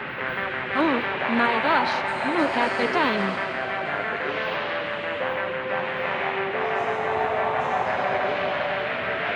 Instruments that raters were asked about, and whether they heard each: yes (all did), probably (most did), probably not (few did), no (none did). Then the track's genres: trombone: probably not
Field Recordings; Ambient